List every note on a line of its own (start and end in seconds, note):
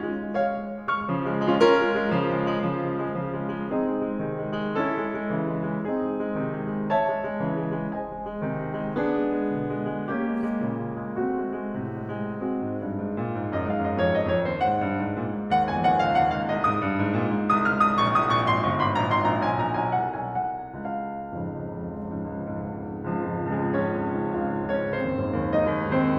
0.01 0.18 G#3
0.18 0.35 G#3
0.38 0.54 G#3
0.38 0.54 C#5
0.38 0.54 F5
0.54 0.71 G#3
0.71 0.96 G#3
0.97 1.09 G#3
0.97 1.09 C#6
0.97 1.09 F6
1.09 1.26 C#3
1.09 1.26 F3
1.26 1.40 G#3
1.41 1.57 G#3
1.49 1.57 C#4
1.49 1.57 F4
1.57 3.73 C#4
1.57 3.73 F4
1.57 3.73 A#4
1.77 1.96 G#3
1.96 2.13 G#3
2.13 2.36 C#3
2.13 2.36 F3
2.36 2.53 G#3
2.54 2.69 G#3
2.69 2.84 C#3
2.69 2.84 F3
2.84 3.04 G#3
3.04 3.21 G#3
3.21 3.38 C#3
3.21 3.38 F3
3.40 3.57 G#3
3.57 3.73 G#3
3.73 4.06 C4
3.73 4.06 D#4
3.73 4.06 G#4
3.90 4.06 G#3
4.06 4.22 G#3
4.22 4.41 C3
4.22 4.41 D#3
4.42 4.61 G#3
4.61 4.77 G#3
4.77 5.90 C#4
4.77 5.90 E4
4.77 5.90 A4
4.95 5.15 G#3
5.15 5.30 G#3
5.30 5.56 C#3
5.30 5.56 E3
5.56 5.72 G#3
5.72 5.90 G#3
5.92 6.28 C4
5.92 6.28 D#4
5.92 6.28 G#4
6.11 6.28 G#3
6.28 6.43 G#3
6.44 6.65 C3
6.44 6.65 D#3
6.65 6.77 G#3
6.77 6.94 G#3
6.95 7.99 C#5
6.95 7.99 E5
6.95 7.99 A5
7.10 7.26 G#3
7.26 7.40 G#3
7.41 7.65 C#3
7.41 7.65 E3
7.65 7.82 G#3
7.82 7.99 G#3
8.01 8.47 C5
8.01 8.47 D#5
8.01 8.47 G#5
8.17 8.33 G#3
8.33 8.47 G#3
8.47 8.62 C3
8.47 8.62 D#3
8.62 8.78 G#3
8.79 8.99 G#3
8.99 9.56 B3
8.99 9.56 D4
8.99 9.56 G#4
9.18 9.38 G#3
9.39 9.56 G#3
9.56 9.73 B2
9.56 9.73 D3
9.73 9.91 G#3
9.92 10.20 G#3
10.20 10.77 A#3
10.20 10.77 C#4
10.20 10.77 G4
10.42 10.58 G#3
10.59 10.77 G#3
10.77 10.98 A#2
10.77 10.98 C#3
10.98 11.17 G#3
11.17 11.31 G#3
11.31 11.79 A3
11.31 11.79 C4
11.31 11.79 F#4
11.45 11.63 G#3
11.63 11.79 G#3
11.79 12.05 A2
11.79 12.05 C3
12.07 12.24 G#3
12.24 12.41 G#3
12.41 12.74 G#3
12.41 12.74 C4
12.41 12.74 F#4
12.54 12.92 G#2
12.75 12.92 G2
12.93 13.36 G#2
13.17 13.36 A#2
13.53 13.66 F#2
13.53 13.71 D#5
13.66 13.80 G#2
13.66 13.83 F5
13.80 13.95 F#2
13.80 14.01 D#5
13.96 14.12 F2
13.96 14.15 C#5
14.12 14.27 F#2
14.12 14.32 D#5
14.27 14.44 F2
14.27 14.48 C#5
14.44 14.61 D#2
14.44 14.67 C5
14.62 15.01 G#2
14.62 15.01 F#5
14.83 15.01 G2
15.01 15.33 G#2
15.18 15.33 A#2
15.33 16.50 G#2
15.52 15.64 D#2
15.52 15.64 F#5
15.64 15.83 F2
15.64 15.83 G#5
15.83 16.03 D#2
15.83 16.03 F#5
16.03 16.19 C#2
16.03 16.19 F5
16.19 16.35 D#2
16.19 16.35 F#5
16.36 16.50 C#2
16.36 16.50 F5
16.52 16.68 C2
16.52 16.68 D#5
16.68 16.96 G#2
16.68 16.96 D#6
16.82 16.96 G2
16.96 17.34 G#2
17.14 17.34 A#2
17.35 18.48 G#2
17.55 17.70 C2
17.55 17.70 D#6
17.70 17.80 C#2
17.70 17.80 F6
17.82 17.99 C2
17.82 17.99 D#6
17.99 18.14 A#1
17.99 18.14 C#6
18.14 18.30 C2
18.14 18.30 D#6
18.31 18.48 A#1
18.31 18.48 C#6
18.48 18.64 G#1
18.48 18.64 C6
18.64 18.79 G1
18.64 18.79 C#6
18.80 18.99 G#1
18.80 18.99 C6
18.99 19.15 A#1
18.99 19.15 A#5
19.16 19.32 G#1
19.16 19.32 C6
19.32 19.49 A#1
19.32 19.49 A#5
19.49 19.67 B1
19.49 19.67 G#5
19.67 19.82 A#1
19.67 19.82 A#5
19.84 20.04 B1
19.84 20.04 G#5
20.04 20.24 C2
20.04 20.24 F#5
20.24 20.44 B1
20.24 20.44 G#5
20.44 20.79 C2
20.44 20.79 F#5
20.79 21.15 C#2
20.79 21.33 F5
21.16 21.33 F2
21.16 21.33 G#2
21.16 21.33 C#3
21.33 21.64 C#2
21.64 21.83 F2
21.64 21.83 G#2
21.64 21.83 C#3
21.84 22.09 C#2
22.09 22.32 F2
22.09 22.32 G#2
22.09 22.32 C#3
22.32 22.71 C#2
22.73 22.99 F2
22.73 22.99 G#2
22.73 22.99 C#3
22.99 23.19 C#2
23.19 23.38 F2
23.19 23.38 G#2
23.19 23.38 C#3
23.19 23.68 F3
23.19 23.68 F4
23.39 23.60 C#2
23.60 23.76 F2
23.60 23.76 G#2
23.60 23.76 C#3
23.68 23.76 G#3
23.68 23.76 G#4
23.78 23.98 C#2
23.78 24.34 C#4
23.78 24.34 C#5
23.98 24.17 F2
23.98 24.17 G#2
23.98 24.17 C#3
24.17 24.34 C#2
24.41 24.58 F2
24.41 24.58 G#2
24.41 24.58 C#3
24.41 24.87 F4
24.41 24.87 F5
24.58 24.77 C#2
24.77 24.96 F2
24.77 24.96 G#2
24.77 24.96 C#3
24.87 24.96 C#4
24.87 24.96 C#5
24.97 25.14 D#2
24.97 25.50 C4
24.97 25.50 C5
25.14 25.37 F#2
25.14 25.37 G#2
25.14 25.37 D#3
25.37 25.50 D#2
25.51 25.70 F#2
25.51 25.70 G#2
25.51 25.70 D#3
25.51 26.01 D#4
25.51 26.01 D#5
25.70 25.91 D#2
25.91 26.17 F#2
25.91 26.17 G#2
25.91 26.17 D#3
26.02 26.17 C4
26.02 26.17 C5